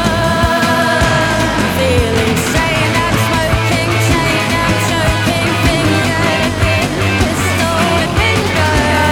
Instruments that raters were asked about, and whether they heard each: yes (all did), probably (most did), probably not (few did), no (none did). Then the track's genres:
piano: no
flute: no
voice: yes
Trip-Hop